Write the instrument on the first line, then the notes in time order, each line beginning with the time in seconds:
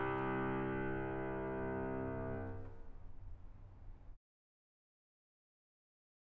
piano
3.95 C3